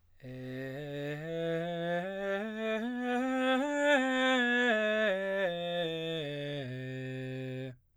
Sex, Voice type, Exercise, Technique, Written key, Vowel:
male, baritone, scales, straight tone, , e